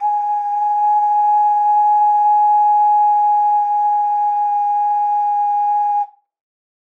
<region> pitch_keycenter=80 lokey=80 hikey=80 tune=-2 volume=-1.614593 trigger=attack ampeg_attack=0.004000 ampeg_release=0.100000 sample=Aerophones/Edge-blown Aerophones/Ocarina, Typical/Sustains/Sus/StdOcarina_Sus_G#4.wav